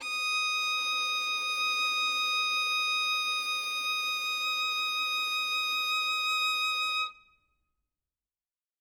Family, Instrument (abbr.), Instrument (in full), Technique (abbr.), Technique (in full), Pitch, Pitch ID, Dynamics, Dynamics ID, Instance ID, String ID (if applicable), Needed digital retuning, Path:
Strings, Vn, Violin, ord, ordinario, D#6, 87, ff, 4, 1, 2, FALSE, Strings/Violin/ordinario/Vn-ord-D#6-ff-2c-N.wav